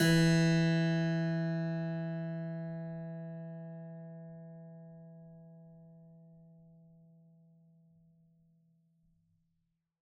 <region> pitch_keycenter=52 lokey=52 hikey=53 volume=-1.094769 trigger=attack ampeg_attack=0.004000 ampeg_release=0.400000 amp_veltrack=0 sample=Chordophones/Zithers/Harpsichord, Flemish/Sustains/Low/Harpsi_Low_Far_E2_rr1.wav